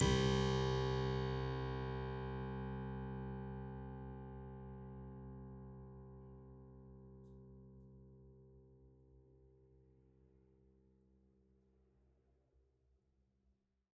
<region> pitch_keycenter=36 lokey=36 hikey=37 volume=2 trigger=attack ampeg_attack=0.004000 ampeg_release=0.400000 amp_veltrack=0 sample=Chordophones/Zithers/Harpsichord, French/Sustains/Harpsi2_Normal_C1_rr1_Main.wav